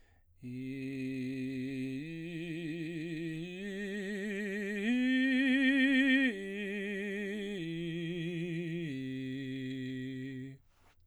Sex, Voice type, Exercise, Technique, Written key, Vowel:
male, baritone, arpeggios, vibrato, , i